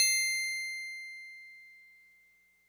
<region> pitch_keycenter=108 lokey=107 hikey=109 tune=-1 volume=10.876666 lovel=100 hivel=127 ampeg_attack=0.004000 ampeg_release=0.100000 sample=Electrophones/TX81Z/FM Piano/FMPiano_C7_vl3.wav